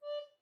<region> pitch_keycenter=74 lokey=74 hikey=75 tune=-3 volume=12.820980 offset=605 ampeg_attack=0.005 ampeg_release=10.000000 sample=Aerophones/Edge-blown Aerophones/Baroque Soprano Recorder/Staccato/SopRecorder_Stac_D4_rr1_Main.wav